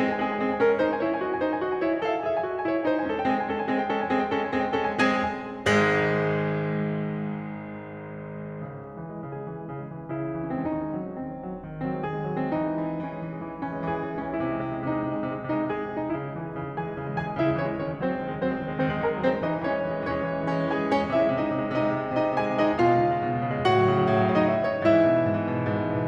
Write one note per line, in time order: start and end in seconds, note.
0.01 3.36 G#3
0.01 0.17 C4
0.01 0.17 G#4
0.10 0.26 G#5
0.18 0.37 C4
0.18 0.37 G#4
0.27 0.46 G#5
0.37 0.56 C4
0.37 0.56 G#4
0.46 0.67 G#5
0.56 0.76 C#4
0.56 0.76 A#4
0.67 0.86 G#5
0.76 1.04 D#4
0.76 1.04 C5
0.86 1.13 G#5
1.04 1.22 E4
1.04 1.22 C#5
1.13 1.31 G#5
1.22 1.38 F#4
1.22 1.38 D#5
1.31 1.47 G#5
1.39 1.60 E4
1.39 1.60 C5
1.48 1.70 G#5
1.63 1.83 F#4
1.63 1.83 D#5
1.71 1.92 G#5
1.83 2.04 E4
1.83 2.04 C#5
1.92 2.15 G#5
2.04 2.27 A4
2.04 2.27 F#5
2.15 2.39 G#5
2.27 2.49 G#4
2.27 2.49 E5
2.39 2.56 G#5
2.49 2.66 F#4
2.49 2.66 D#5
2.56 2.77 G#5
2.66 2.86 E4
2.66 2.86 C#5
2.78 2.94 G#5
2.87 3.11 D#4
2.87 3.11 C5
2.95 3.27 G#5
3.13 3.36 C#4
3.13 3.36 A4
3.27 3.36 G5
3.36 3.67 G#3
3.36 3.67 C4
3.36 3.67 G#4
3.49 3.83 G#5
3.67 3.94 G#3
3.67 3.94 C#4
3.67 3.94 A4
3.83 4.03 G5
3.94 4.15 G#3
3.94 4.15 C4
3.94 4.15 G#4
4.03 4.26 G#5
4.15 4.37 G#3
4.15 4.37 C#4
4.15 4.37 A4
4.26 4.48 G5
4.38 4.57 G#3
4.38 4.57 C4
4.38 4.57 G#4
4.49 4.73 G#5
4.59 4.84 G#3
4.59 4.84 C#4
4.59 4.84 A4
4.74 4.94 G5
4.84 5.03 G#3
4.84 5.03 C4
4.84 5.03 G#4
4.94 5.14 G#5
5.03 5.25 G#3
5.03 5.25 C#4
5.03 5.25 A4
5.14 5.25 G5
5.25 5.69 G#3
5.25 5.69 C4
5.25 5.69 G#4
5.25 5.69 G#5
5.69 8.72 G#1
5.69 8.72 G#2
5.69 8.72 G#3
8.74 9.03 C#3
8.88 9.19 G#3
9.03 9.33 E3
9.19 9.49 G#3
9.36 9.58 C#3
9.36 10.19 G#4
9.50 9.65 G#3
9.60 9.73 E3
9.65 9.87 G#3
9.75 9.98 C#3
9.87 10.09 G#3
9.98 10.19 E3
10.09 10.32 G#3
10.19 10.42 C#3
10.19 10.62 E4
10.32 10.52 G#3
10.42 10.62 E3
10.52 10.80 G#3
10.62 10.91 D#3
10.62 11.19 C4
10.71 10.80 C#4
10.78 11.01 G#3
10.78 11.19 C#4
10.78 11.27 D#4
10.92 11.19 F#3
11.02 11.31 G#3
11.21 11.44 D#3
11.21 11.86 C4
11.35 11.52 G#3
11.44 11.65 F#3
11.52 11.77 G#3
11.65 11.86 D#3
11.77 11.95 G#3
11.86 12.05 F#3
11.86 12.05 C4
11.95 12.15 G#3
12.05 12.25 D#3
12.05 12.53 G#4
12.15 12.41 G#3
12.25 12.53 F#3
12.42 12.67 G#3
12.42 12.67 C4
12.54 12.79 E3
12.54 13.03 D#4
12.68 12.92 G#3
12.80 13.03 E3
12.92 13.13 G#3
13.03 13.24 E3
13.03 13.66 C#4
13.13 13.35 G#3
13.24 13.45 E3
13.35 13.54 G#3
13.45 13.66 E3
13.54 13.75 G#3
13.66 13.87 E3
13.66 13.87 C#4
13.75 13.96 G#3
13.88 14.04 E3
13.88 14.20 G#4
13.97 14.11 G#3
14.05 14.20 E3
14.12 14.43 G#3
14.12 14.43 C#4
14.22 14.53 C3
14.22 14.73 E4
14.43 14.63 G#3
14.53 14.73 C3
14.63 14.88 G#3
14.73 14.99 C3
14.73 15.41 D#4
14.88 15.09 G#3
14.99 15.19 C3
15.09 15.30 G#3
15.19 15.41 C3
15.31 15.54 G#3
15.41 15.63 C3
15.41 15.63 D#4
15.54 15.74 G#3
15.64 15.88 C3
15.64 16.09 G#4
15.74 15.98 G#3
15.88 16.09 C3
15.98 16.34 G#3
15.98 16.34 D#4
16.09 16.43 C#3
16.09 16.43 E4
16.35 16.52 G#3
16.43 16.61 E3
16.43 16.85 G#4
16.43 16.85 G#5
16.52 16.76 G#3
16.61 16.85 C#3
16.76 16.93 G#3
16.85 17.05 E3
16.85 17.27 G#4
16.85 17.27 G#5
16.93 17.14 G#3
17.05 17.27 C#3
17.14 17.36 G#3
17.28 17.46 E3
17.28 17.46 G#4
17.28 17.46 G#5
17.37 17.55 G#3
17.47 17.69 C#3
17.47 17.69 E4
17.47 17.69 E5
17.56 17.84 G#3
17.70 17.93 E3
17.70 17.93 C#4
17.70 17.93 C#5
17.84 18.04 G#3
17.93 18.14 D#3
17.93 18.14 C#4
17.93 18.14 C#5
18.04 18.25 G#3
18.14 18.34 F#3
18.14 18.52 C4
18.14 18.52 C5
18.25 18.43 G#3
18.34 18.52 D#3
18.43 18.60 G#3
18.52 18.66 F#3
18.52 18.83 C4
18.52 18.83 C5
18.60 18.74 G#3
18.66 18.83 D#3
18.76 18.92 G#3
18.84 19.02 F#3
18.84 19.02 C4
18.84 19.02 C5
18.93 19.10 G#3
19.02 19.21 D#3
19.02 19.21 G#4
19.02 19.21 G#5
19.10 19.31 G#3
19.21 19.42 F#3
19.21 19.42 C4
19.21 19.42 C5
19.31 19.51 G#3
19.42 19.65 E3
19.42 19.65 D#4
19.42 19.65 D#5
19.51 19.77 G#3
19.65 19.87 E3
19.65 20.03 C#4
19.65 20.03 C#5
19.77 19.96 G#3
19.87 20.03 E3
19.97 20.11 G#3
20.04 20.21 E3
20.04 20.46 C#4
20.04 20.46 C#5
20.13 20.32 G#3
20.22 20.46 E3
20.33 20.59 G#3
20.46 20.68 E3
20.46 20.68 C#4
20.46 20.68 C#5
20.59 20.81 G#3
20.68 20.92 E3
20.68 20.92 G#4
20.68 20.92 G#5
20.81 21.03 G#3
20.92 21.12 E3
20.92 21.12 C#4
20.92 21.12 C#5
21.03 21.22 G#3
21.12 21.31 C3
21.12 21.31 E4
21.12 21.31 E5
21.22 21.38 G#3
21.32 21.47 C3
21.32 21.65 D#4
21.32 21.65 D#5
21.39 21.55 G#3
21.48 21.65 C3
21.57 21.79 G#3
21.66 21.89 C3
21.66 22.08 D#4
21.66 22.08 D#5
21.79 21.98 G#3
21.89 22.08 C3
21.98 22.19 G#3
22.09 22.29 C3
22.09 22.29 D#4
22.09 22.29 D#5
22.19 22.39 G#3
22.29 22.54 C3
22.29 22.54 G#4
22.29 22.54 G#5
22.40 22.65 G#3
22.54 22.75 C3
22.54 22.75 D#4
22.54 22.75 D#5
22.65 22.85 G#3
22.76 22.98 B2
22.76 23.67 F4
22.76 23.67 F5
22.85 23.04 G#3
22.98 23.16 C#3
23.05 23.27 G#3
23.16 23.35 B2
23.27 23.53 G#3
23.37 23.67 C#3
23.53 23.77 G#3
23.67 23.86 A2
23.67 24.47 F#4
23.67 24.47 F#5
23.77 23.97 F#3
23.88 24.06 B2
23.97 24.18 F#3
24.07 24.26 A2
24.18 24.35 F#3
24.26 24.47 B2
24.35 24.60 F#3
24.48 24.69 A2
24.48 24.89 D#4
24.48 24.62 E5
24.56 24.79 F#3
24.56 24.69 D#5
24.62 24.76 E5
24.69 24.89 B2
24.69 24.83 D#5
24.76 24.98 F#3
24.76 24.89 C#5
24.83 24.96 D#5
24.90 25.09 G#2
24.90 26.07 E4
24.90 26.07 E5
24.99 25.19 E3
25.09 25.27 B2
25.19 25.33 E3
25.27 25.44 G#2
25.33 25.50 E3
25.44 25.59 B2
25.50 25.68 E3
25.59 25.80 G#2
25.69 25.90 E3
25.81 26.07 B2
25.91 26.08 E3